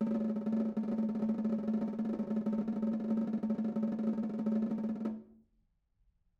<region> pitch_keycenter=62 lokey=62 hikey=62 volume=15.474368 offset=192 lovel=55 hivel=83 ampeg_attack=0.004000 ampeg_release=0.5 sample=Membranophones/Struck Membranophones/Snare Drum, Modern 1/Snare2_rollNS_v3_rr1_Mid.wav